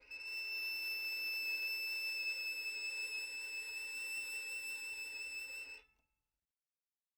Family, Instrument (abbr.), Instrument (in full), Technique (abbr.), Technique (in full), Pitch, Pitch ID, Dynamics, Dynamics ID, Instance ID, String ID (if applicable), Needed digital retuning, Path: Strings, Vn, Violin, ord, ordinario, E7, 100, mf, 2, 0, 1, TRUE, Strings/Violin/ordinario/Vn-ord-E7-mf-1c-T22d.wav